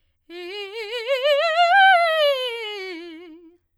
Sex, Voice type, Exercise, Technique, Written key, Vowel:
female, soprano, scales, fast/articulated forte, F major, e